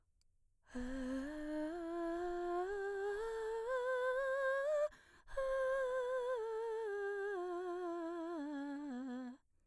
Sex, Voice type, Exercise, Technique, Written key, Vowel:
female, mezzo-soprano, scales, breathy, , e